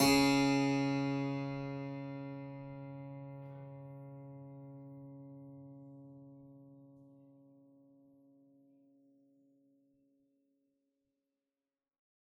<region> pitch_keycenter=37 lokey=36 hikey=38 volume=-0.448909 trigger=attack ampeg_attack=0.004000 ampeg_release=0.40000 amp_veltrack=0 sample=Chordophones/Zithers/Harpsichord, Flemish/Sustains/High/Harpsi_High_Far_C#2_rr1.wav